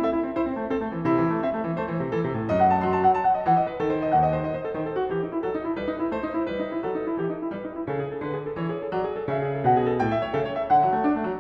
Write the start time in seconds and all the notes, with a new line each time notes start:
0.00 A4 E5
0.12 E4
0.24 C4
0.36 E4 C5
0.45 C4
0.57 A3
0.73 C4 A4
0.81 A3
0.92 E3
1.06 C3 E4
1.17 E3
1.31 A3
1.44 C4 E5
1.53 A3
1.66 E3
1.76 A3 C5
1.88 E3
2.00 C3
2.11 E3 A4
2.24 C3
2.38 A2
2.50 F#2 D#5
2.60 F#5
2.71 A5
2.82 F#3 C6
2.95 A5
3.03 F#5
3.13 A5
3.26 F#5
3.36 D#5
3.45 E3 F#5
3.58 D#5
3.68 B4
3.82 D#3 A4
3.91 C5
4.03 D#5
4.16 D#2 F#5
4.30 D#5
4.40 C5
4.47 D#5
4.59 C5
4.67 A4
4.78 D#3 C5
4.86 A4
4.96 F#4
5.07 E3 G4
5.15 D#4
5.31 E4
5.41 F#3 A4
5.55 D#4
5.64 E4
5.74 G3 B4
5.86 D#4
6.00 E4
6.12 A3 C5
6.22 D#4
6.34 E4
6.47 G3 B4
6.58 D#4
6.71 E4
6.84 F#3 A4
6.95 D#4
7.07 E4
7.19 E3 G4
7.29 D#4
7.40 E4
7.50 G3 B4
7.64 D#4
7.73 E4
7.88 C#3 A4
7.99 G#4
8.06 A4
8.17 D3 B4
8.35 G#4
8.49 A4
8.57 E3 C#5
8.70 G#4
8.81 A4
8.94 F#3 D5
9.04 G#4
9.17 A4
9.28 C#3 E5
9.40 G#4
9.54 A4
9.68 B2 F#5
9.80 G#4
9.90 A4
10.03 A2 G5
10.16 E5
10.26 C#5
10.32 C#3 A4
10.46 C#5
10.58 E5
10.70 D3 F#5
10.83 F#3
10.95 A3
11.05 D4
11.16 A3
11.26 F#3